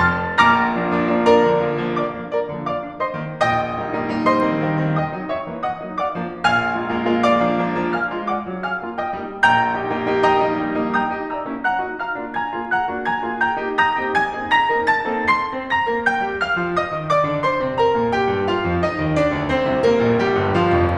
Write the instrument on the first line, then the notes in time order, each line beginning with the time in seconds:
piano
0.00 F1 F2 A5 C6 F6 A6
0.35 A#1 A#2 A#5 D6 F6 A#6
0.70 F3 A#3 D4
0.88 F3 A#3 D4
1.02 F3 A#3 D4
1.17 A#4 D5 A#5
1.36 D3 F3 A#3
1.50 D3 F3 A#3
1.74 D3 F3 A#3
1.94 D5 F5 D6
2.12 F3 A#3 D4
2.29 A#4 D5 A#5
2.45 D3 A#3
2.64 D5 F5 D6
2.80 F3 A#3 D4
2.95 C5 D#5 C6
3.15 D#3 A#3 C4
3.39 A#1 A#2 D#5 G5 D#6
3.73 G3 A#3 D#4
3.89 G3 A#3 D#4
4.06 G3 A#3 D#4
4.28 C5 D#5 C6
4.49 D#3 A3 C4
4.64 D#3 A3 C4
4.79 D#3 A3 C4
4.96 D#5 G5 D#6
5.13 G3 A#3 D#4
5.31 C#5 E5 C#6
5.49 E3 A#3 C#4
5.63 D#5 F#5 D#6
5.78 F#3 A#3 D#4
5.97 D5 F5 D6
6.27 F3 A#3 D4
6.46 A#1 A#2 F5 G#5 F6
6.80 G#3 A#3 F4
6.94 G#3 A#3 F4
7.15 G#3 A#3 F4
7.29 D5 F5 D6
7.41 F3 A#3 D4
7.64 F3 A#3 D4
7.81 F3 A#3 D4
7.98 F5 G#5 F6
8.15 G#3 A#3 F4
8.29 D5 F#5 D6
8.44 F#3 A#3 D4
8.65 F5 G#5 F6
8.82 G#3 A#3 F4
8.97 D#5 G5 D#6
9.18 G3 A#3 D#4
9.39 A#1 A#2 G5 A#5 G6
9.78 A#3 D#4 G4
9.93 A#3 D#4 G4
10.09 A#3 D#4 G4
10.25 D#5 G5 A#5 D#6
10.41 G3 A#3 D#4
10.59 G3 A#3 D#4
10.76 G3 A#3 D#4
10.94 G5 A#5 G6
11.17 A#3 D#4 G4
11.34 E5 A#5 E6
11.48 A#3 C#4 E4
11.66 F#5 A#5 F#6
11.83 A#3 D#4 F#4
11.98 F5 A#5 F6
12.19 A#3 D4 F4
12.36 G#5 A#5 G#6
12.56 A#3 F4 G#4
12.71 F#5 A#5 F#6
12.88 A#3 D4 F#4
13.04 G#5 A#5 G#6
13.21 A#3 F4 G#4
13.39 G5 A#5 G6
13.58 A#3 D#4 G4
13.82 A#5 D#6 G6 A#6
14.00 A#3 C4 D#4 G4
14.18 G#5 G#6
14.32 A#3 C4 D#4 G#4
14.44 A#5 A#6
14.69 A#3 C4 D#4 A#4
14.87 A5 A6
15.07 A#3 C4 D#4 A4
15.27 C6 C7
15.52 C4 C5
15.72 A#5 A#6
15.88 A#3 A#4
16.06 G5 G6
16.22 G3 G4
16.39 F5 F6
16.57 F3 F4
16.73 D#5 D#6
16.94 D#3 D#4
17.09 D5 D6
17.26 D3 D4
17.44 C5 C6
17.61 C3 C4
17.77 A#4 A#5
17.97 A#2 A#3
18.11 G4 G5
18.33 G2 G3
18.48 F4 F5
18.62 F2 F3
18.78 D#4 D#5
18.95 D#2 D#3
19.09 D4 D5
19.32 D2 D3
19.46 C4 C5
19.68 C2 C3
19.85 A#3 A#4
20.02 A#1 A#2
20.18 G3 G4
20.34 G1 G2
20.57 F3 F4
20.83 F1 F2